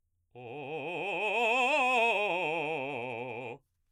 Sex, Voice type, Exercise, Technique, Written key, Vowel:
male, baritone, scales, fast/articulated forte, C major, o